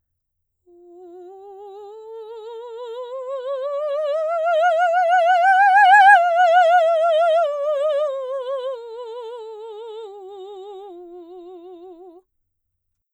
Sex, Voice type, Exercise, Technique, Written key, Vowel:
female, soprano, scales, slow/legato piano, F major, u